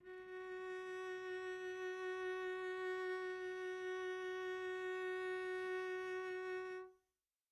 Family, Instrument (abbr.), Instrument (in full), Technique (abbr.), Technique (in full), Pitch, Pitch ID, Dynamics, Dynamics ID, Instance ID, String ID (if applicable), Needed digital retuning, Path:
Strings, Vc, Cello, ord, ordinario, F#4, 66, pp, 0, 0, 1, FALSE, Strings/Violoncello/ordinario/Vc-ord-F#4-pp-1c-N.wav